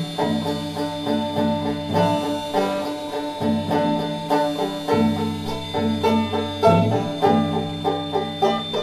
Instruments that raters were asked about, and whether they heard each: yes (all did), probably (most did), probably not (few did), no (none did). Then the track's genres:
banjo: yes
trombone: no
Folk; Soundtrack; Experimental